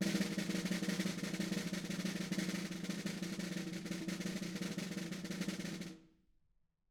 <region> pitch_keycenter=64 lokey=64 hikey=64 volume=12.254301 offset=180 lovel=84 hivel=127 ampeg_attack=0.004000 ampeg_release=0.3 sample=Membranophones/Struck Membranophones/Snare Drum, Modern 2/Snare3M_rollSN_v4_rr1_Mid.wav